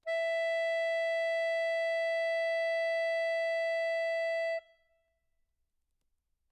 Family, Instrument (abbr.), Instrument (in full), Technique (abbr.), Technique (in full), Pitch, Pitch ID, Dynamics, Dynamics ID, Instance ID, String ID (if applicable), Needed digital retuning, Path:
Keyboards, Acc, Accordion, ord, ordinario, E5, 76, mf, 2, 0, , FALSE, Keyboards/Accordion/ordinario/Acc-ord-E5-mf-N-N.wav